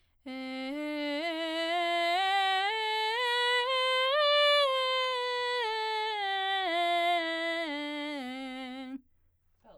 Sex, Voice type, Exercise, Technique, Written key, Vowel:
female, soprano, scales, belt, , e